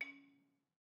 <region> pitch_keycenter=61 lokey=60 hikey=63 volume=21.067154 offset=198 lovel=0 hivel=65 ampeg_attack=0.004000 ampeg_release=30.000000 sample=Idiophones/Struck Idiophones/Balafon/Hard Mallet/EthnicXylo_hardM_C#3_vl1_rr1_Mid.wav